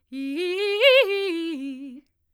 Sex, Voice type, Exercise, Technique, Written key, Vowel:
female, soprano, arpeggios, fast/articulated forte, C major, i